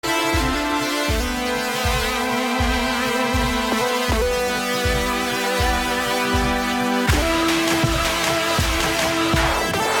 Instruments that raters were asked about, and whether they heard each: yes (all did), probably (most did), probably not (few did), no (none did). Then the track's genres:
saxophone: no
Hip-Hop